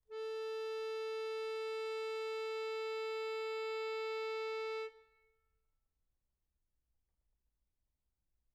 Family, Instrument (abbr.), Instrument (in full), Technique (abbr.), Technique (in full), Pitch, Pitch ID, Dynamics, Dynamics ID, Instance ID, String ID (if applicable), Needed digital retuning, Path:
Keyboards, Acc, Accordion, ord, ordinario, A4, 69, mf, 2, 4, , FALSE, Keyboards/Accordion/ordinario/Acc-ord-A4-mf-alt4-N.wav